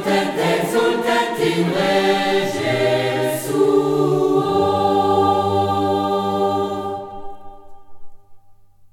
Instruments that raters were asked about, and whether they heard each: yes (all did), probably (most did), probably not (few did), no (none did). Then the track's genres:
cello: no
violin: no
saxophone: no
voice: yes
Choral Music